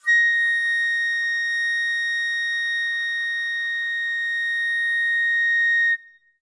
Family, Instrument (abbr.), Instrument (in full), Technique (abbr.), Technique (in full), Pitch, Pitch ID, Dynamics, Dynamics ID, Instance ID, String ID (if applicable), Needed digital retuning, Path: Winds, Fl, Flute, ord, ordinario, A#6, 94, ff, 4, 0, , TRUE, Winds/Flute/ordinario/Fl-ord-A#6-ff-N-T15d.wav